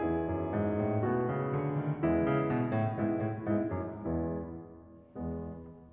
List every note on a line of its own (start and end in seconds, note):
0.01 2.03 E2
0.01 1.04 B3
0.01 1.04 E4
0.01 1.04 G#4
0.28 0.52 F#2
0.52 0.78 G#2
0.78 1.04 A2
1.04 1.27 B2
1.04 2.03 A3
1.04 2.03 B3
1.04 2.03 F#4
1.31 1.55 C#3
1.55 1.77 D3
1.77 2.03 D#3
2.03 2.17 E2
2.03 2.17 E3
2.03 2.47 G#3
2.03 2.47 B3
2.03 2.47 E4
2.23 2.40 C#3
2.48 2.62 B2
2.71 2.90 A2
2.95 3.09 G#2
2.95 3.40 G#3
2.95 3.40 B3
2.95 3.40 E4
3.19 3.34 A2
3.41 3.57 G#2
3.41 3.85 G#3
3.41 3.85 B3
3.41 3.85 E4
3.64 3.78 F#2
3.85 4.42 E2
3.85 4.58 G#3
3.85 4.58 B3
3.85 4.58 E4
5.20 5.75 E2
5.20 5.75 G#3
5.20 5.75 B3